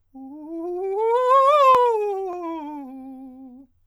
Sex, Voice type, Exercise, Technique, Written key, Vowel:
male, countertenor, scales, fast/articulated forte, C major, u